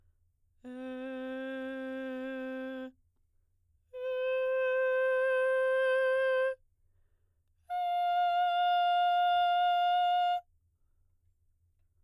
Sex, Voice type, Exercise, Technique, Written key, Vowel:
female, soprano, long tones, straight tone, , e